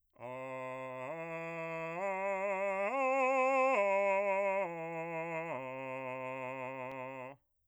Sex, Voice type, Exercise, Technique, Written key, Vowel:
male, bass, arpeggios, slow/legato forte, C major, a